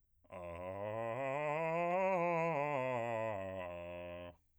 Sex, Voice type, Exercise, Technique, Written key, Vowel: male, bass, scales, fast/articulated piano, F major, a